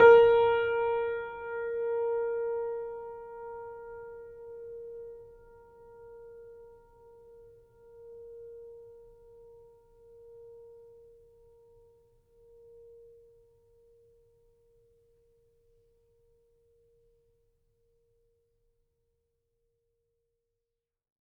<region> pitch_keycenter=70 lokey=70 hikey=71 volume=-0.339963 lovel=0 hivel=65 locc64=65 hicc64=127 ampeg_attack=0.004000 ampeg_release=0.400000 sample=Chordophones/Zithers/Grand Piano, Steinway B/Sus/Piano_Sus_Close_A#4_vl2_rr1.wav